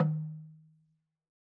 <region> pitch_keycenter=60 lokey=60 hikey=60 volume=10.835257 lovel=100 hivel=127 ampeg_attack=0.004000 ampeg_release=30.000000 sample=Idiophones/Struck Idiophones/Slit Drum/LogDrumHi_MedM_v3_rr1_Sum.wav